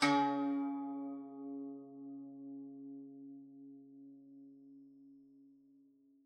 <region> pitch_keycenter=49 lokey=49 hikey=50 volume=3.632683 lovel=66 hivel=99 ampeg_attack=0.004000 ampeg_release=0.300000 sample=Chordophones/Zithers/Dan Tranh/Normal/C#2_f_1.wav